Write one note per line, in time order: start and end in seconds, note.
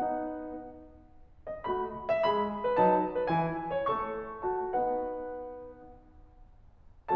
0.00 0.98 B3
0.00 0.98 D#4
0.00 0.98 B4
0.00 0.98 F#5
1.47 1.66 D#5
1.67 2.30 A3
1.67 2.30 F#4
1.67 1.97 B5
2.11 2.30 E5
2.31 2.75 G#3
2.31 2.75 G#4
2.31 2.50 B5
2.65 2.75 B4
2.76 3.30 F#3
2.76 3.30 D#4
2.76 3.00 A5
3.12 3.30 B4
3.31 3.89 E3
3.31 3.89 C#4
3.31 3.55 G#5
3.75 3.89 C#5
3.90 4.42 A3
3.90 4.42 A4
3.90 4.42 C#6
4.45 4.67 F#4
4.45 4.67 A5
4.69 5.91 B3
4.69 5.91 D#4
4.69 5.91 B4
4.69 5.91 F#5